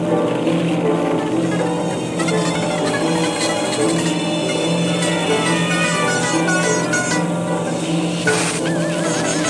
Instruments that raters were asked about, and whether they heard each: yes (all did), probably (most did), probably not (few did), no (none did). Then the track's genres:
mandolin: probably not
Experimental; Spoken Weird